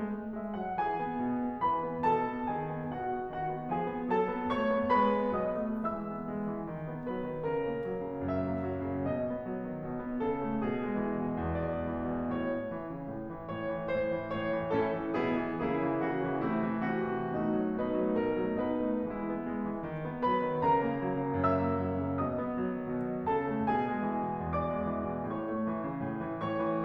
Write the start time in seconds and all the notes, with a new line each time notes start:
0.00 G#3
0.17 A3
0.36 G#3 E5
0.57 F#3 F#5
0.82 E3 G#4 G#5
1.07 B3
1.27 B2
1.45 B3
1.66 E3 B4 B5
1.86 B3
2.11 B2 A4 A5
2.29 B3
2.52 D#3 G#4 G#5
2.74 B3
2.94 B2 F#4 F#5
3.13 B3
3.34 D#3 F#4 F#5
3.53 B3
3.73 F3 G#4 G#5
3.91 B3
4.08 F#3 A4 A5
4.24 B3
4.47 A3 C#5 C#6
4.67 B3
4.91 G#3 B4 B5
5.20 B3
5.42 B2 F#3 D#5 D#6
5.65 A3
5.90 E3 G#3 E5 E6
6.10 B3
6.30 G#3
6.50 E3
6.68 D#3
6.90 B3
7.08 F#3 B4
7.27 D#3
7.47 C#3 A#4
7.70 A#3
7.88 F#3
8.10 C#3
8.28 F#2 E5
8.49 A#3
8.66 F#3
8.86 C#3
9.06 B2 D#5
9.24 B3
9.45 F#3
9.65 D#3
9.85 B2
10.03 B3
10.19 C#3 A4
10.39 A3
10.62 B2 G#4
10.81 G#3
10.99 E3
11.22 B2
11.40 E2 D5
11.68 G#3
11.88 E3
12.09 B2
12.34 A2 C#5
12.53 A3
12.74 E3
12.93 C#3
13.14 A2
13.33 E3
13.58 G#2 C#5
13.75 E3
13.94 G#2 C5
14.18 E3
14.36 A2 C#5
14.54 E3
14.73 A2 C#4 E4 A4
15.00 E3
15.17 B2 B3 E4 G#4
15.43 E3
15.60 C#3 A#3 E4 G#4
15.82 E3
16.03 C#3 F#4
16.25 E3
16.47 C3 A3 E4
16.67 E3
16.85 C3 F#4
17.03 E3
17.30 B2 A3 D#4 F#4
17.50 F#3
17.73 B2 D#4 B4
17.98 F#3 A3
18.22 B2 A#4
18.41 F#3 A3
18.62 B2 D#4 B4
18.85 F#3 A3
19.06 E3 G#3 E4
19.28 B3
19.47 G#3
19.67 E3
19.84 D#3
20.03 B3
20.21 F#3 B4 B5
20.41 D#3
20.61 C#3 A#4 A#5
20.78 A#3
20.98 F#3
21.14 C#3
21.35 F#2 E5 E6
21.61 A#3
21.83 F#3
22.02 C#3
22.20 B2 D#5 D#6
22.38 B3
22.59 F#3
22.76 D#3
22.95 B2
23.13 B3
23.29 C#3 A4 A5
23.49 A3
23.73 B2 G#4 G#5
23.94 G#3
24.11 E3
24.32 B2
24.50 E2 D5 D6
24.71 G#3
24.95 E3
25.12 B2
25.31 A2 C#5 C#6
25.46 A3
25.63 E3
25.81 C#3
26.01 A2
26.24 E3
26.48 G#2 C#5 C#6
26.68 E3